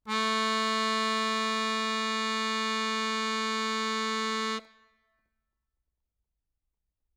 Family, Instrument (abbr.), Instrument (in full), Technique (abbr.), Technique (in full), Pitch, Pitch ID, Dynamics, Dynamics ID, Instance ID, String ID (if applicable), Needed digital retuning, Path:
Keyboards, Acc, Accordion, ord, ordinario, A3, 57, ff, 4, 2, , FALSE, Keyboards/Accordion/ordinario/Acc-ord-A3-ff-alt2-N.wav